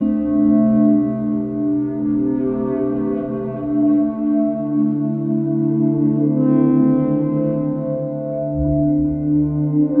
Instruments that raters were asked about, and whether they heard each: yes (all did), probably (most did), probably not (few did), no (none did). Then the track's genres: trombone: no
clarinet: probably not
Experimental; Drone; Ambient